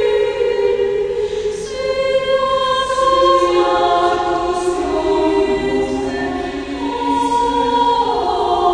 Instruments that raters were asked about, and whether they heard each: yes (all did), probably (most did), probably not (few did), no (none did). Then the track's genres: drums: no
violin: probably not
voice: yes
guitar: no
Classical